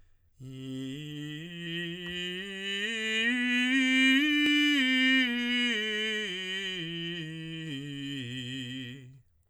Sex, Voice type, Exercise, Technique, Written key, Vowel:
male, tenor, scales, slow/legato piano, C major, i